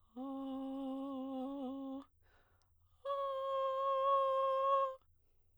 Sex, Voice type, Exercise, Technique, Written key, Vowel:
female, soprano, long tones, inhaled singing, , a